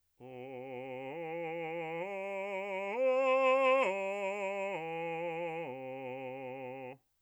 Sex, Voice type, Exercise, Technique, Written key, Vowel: male, bass, arpeggios, slow/legato forte, C major, o